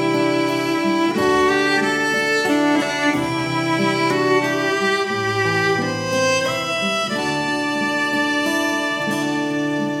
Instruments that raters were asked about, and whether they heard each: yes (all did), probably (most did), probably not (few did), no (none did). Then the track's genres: drums: no
violin: yes
cymbals: no
Celtic